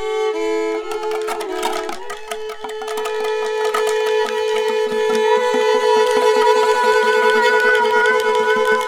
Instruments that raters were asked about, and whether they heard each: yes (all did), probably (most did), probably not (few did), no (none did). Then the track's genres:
banjo: probably not
ukulele: no
flute: no
mandolin: no
Avant-Garde; Soundtrack; Noise; Psych-Folk; Experimental; Free-Folk; Psych-Rock; Freak-Folk; Ambient; Unclassifiable; Glitch; Musique Concrete; Improv; Sound Art; Contemporary Classical; Instrumental